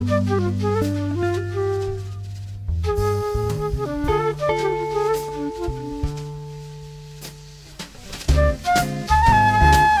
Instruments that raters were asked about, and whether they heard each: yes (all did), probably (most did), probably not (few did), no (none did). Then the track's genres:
saxophone: probably not
clarinet: yes
flute: yes
Jazz